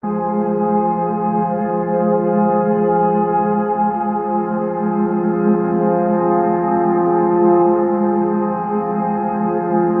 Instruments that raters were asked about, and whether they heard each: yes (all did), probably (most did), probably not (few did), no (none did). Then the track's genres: trombone: no
Soundtrack; Ambient; Minimalism